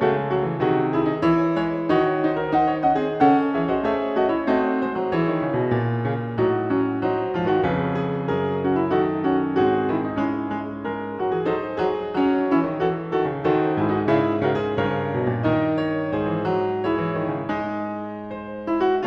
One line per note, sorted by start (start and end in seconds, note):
0.00 0.59 C#3
0.00 0.19 A3
0.00 0.30 F#4
0.19 0.33 G#3
0.33 0.44 F#3
0.33 0.58 F#4
0.44 0.59 E3
0.59 1.21 C3
0.59 1.21 D#3
0.59 0.96 F#4
0.59 0.98 G#4
0.96 1.07 E4
0.96 1.23 G#4
1.07 1.21 D#4
1.21 1.95 E3
1.21 1.94 E4
1.21 1.58 C#5
1.57 1.94 G#3
1.57 1.96 C#5
1.94 3.18 D#3
1.94 2.25 D#4
1.94 2.86 F#4
1.94 2.26 C#5
2.24 2.51 D#4
2.24 2.50 C5
2.24 2.37 C5
2.37 2.55 A#4
2.50 2.87 D#4
2.50 2.83 F#5
2.55 2.73 C5
2.73 2.89 C#5
2.86 3.04 C#4
2.86 3.03 F#4
2.86 3.59 D#5
2.86 3.13 F#5
3.03 3.19 C4
3.03 3.18 G#4
3.16 3.56 C#3
3.16 4.48 C#4
3.16 3.56 A4
3.16 3.54 F#5
3.54 3.84 E3
3.54 3.65 G#4
3.54 3.62 E5
3.59 3.68 C#5
3.59 3.81 D#5
3.65 3.84 F#4
3.65 3.87 C5
3.81 4.16 A3
3.81 4.17 G#4
3.81 4.14 E5
3.87 4.48 C#5
4.14 4.47 A3
4.14 4.31 F#4
4.14 4.28 D#5
4.28 4.48 E4
4.28 4.46 C#5
4.46 4.81 A3
4.46 5.17 C4
4.46 5.17 D#4
4.46 5.19 F#4
4.46 4.76 D#5
4.76 5.13 C5
4.81 5.02 G#3
5.02 5.18 F#3
5.13 6.05 E4
5.13 6.37 E4
5.13 7.00 C#5
5.18 5.31 E3
5.18 6.42 G#4
5.31 5.48 D3
5.48 5.58 C#3
5.58 5.70 B2
5.70 6.39 A#2
6.05 6.39 C#3
6.37 7.35 A2
6.37 6.69 F#3
6.37 6.69 D#4
6.42 7.37 F#4
6.69 7.01 F#3
6.69 7.02 C#4
7.00 7.35 F#3
7.00 7.34 D#4
7.00 7.64 C5
7.34 7.48 G#2
7.34 7.48 F3
7.34 7.47 F4
7.47 7.69 F#2
7.47 7.69 D#3
7.47 7.67 F#4
7.64 8.03 G#4
7.64 8.32 B4
7.69 8.37 F2
7.69 8.95 C#3
8.03 8.37 G#4
8.32 8.90 A#4
8.37 9.59 F#2
8.37 8.65 G#4
8.65 8.95 C#4
8.65 8.77 F#4
8.77 8.93 E4
8.90 9.25 D#4
8.90 9.54 A4
8.95 9.83 D#3
8.95 9.26 F#4
9.25 9.58 C#4
9.25 9.60 F#4
9.54 10.16 C4
9.54 10.86 G#4
9.62 9.91 F#4
9.88 10.16 D#3
9.88 10.04 E4
10.04 10.19 D#4
10.16 10.50 G#3
10.16 11.46 C#4
10.16 11.22 E4
10.51 10.88 G#3
10.86 11.42 A#4
10.90 11.23 G#3
11.23 11.33 F#3
11.23 11.33 F#4
11.33 11.48 E3
11.33 11.51 G#4
11.42 12.14 D#4
11.42 12.12 C5
11.48 11.88 F#3
11.48 11.87 A4
11.90 12.16 F#3
11.90 12.56 G#4
12.12 12.49 C#4
12.12 13.41 C#5
12.18 12.53 F#3
12.52 12.64 E3
12.52 12.79 C#4
12.52 12.81 E4
12.64 12.81 D#3
12.79 13.14 E3
12.79 13.11 F#4
12.79 13.14 A4
13.12 13.34 D#3
13.12 13.42 F#4
13.17 13.43 A4
13.34 13.43 C#3
13.41 13.75 D#3
13.41 13.72 F#4
13.41 13.77 A4
13.41 14.00 C5
13.72 14.08 G#2
13.72 13.89 E4
13.77 13.92 G#4
13.89 14.06 D#4
13.89 14.11 F#4
14.00 15.42 E5
14.06 14.40 C#3
14.06 14.40 E4
14.11 14.44 G#4
14.40 14.79 C#3
14.40 14.58 F#4
14.44 14.63 A#4
14.58 14.79 G#4
14.63 14.81 C5
14.78 16.10 G2
14.78 15.17 C#3
14.78 15.42 A#4
14.78 15.49 C#5
15.17 15.36 B2
15.36 15.49 A#2
15.42 16.82 D#4
15.42 15.75 D#5
15.49 16.28 C#3
15.49 16.13 A#4
15.75 16.07 C#5
16.07 19.06 G#2
16.07 16.78 C5
16.13 16.85 G#4
16.28 16.46 E3
16.46 17.04 F#3
16.78 18.30 C#5
16.82 17.52 E4
16.82 19.06 G#4
17.04 17.21 E3
17.21 17.33 D#3
17.33 17.54 C#3
17.52 19.06 G#3
17.52 18.66 D#4
18.30 18.99 C5
18.66 18.83 E4
18.83 19.06 F#4
18.99 19.06 C#5